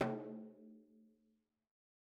<region> pitch_keycenter=64 lokey=64 hikey=64 volume=16.893624 lovel=84 hivel=127 seq_position=1 seq_length=2 ampeg_attack=0.004000 ampeg_release=15.000000 sample=Membranophones/Struck Membranophones/Frame Drum/HDrumS_Hit_v3_rr1_Sum.wav